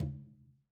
<region> pitch_keycenter=65 lokey=65 hikey=65 volume=16.348590 lovel=84 hivel=106 seq_position=1 seq_length=2 ampeg_attack=0.004000 ampeg_release=15.000000 sample=Membranophones/Struck Membranophones/Conga/Tumba_HitN_v3_rr1_Sum.wav